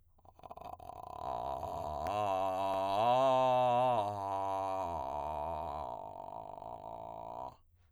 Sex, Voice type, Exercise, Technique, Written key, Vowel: male, tenor, arpeggios, vocal fry, , a